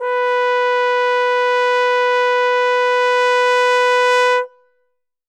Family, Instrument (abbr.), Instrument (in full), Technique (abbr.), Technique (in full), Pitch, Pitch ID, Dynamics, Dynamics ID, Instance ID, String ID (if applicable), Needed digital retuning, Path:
Brass, Tbn, Trombone, ord, ordinario, B4, 71, ff, 4, 0, , FALSE, Brass/Trombone/ordinario/Tbn-ord-B4-ff-N-N.wav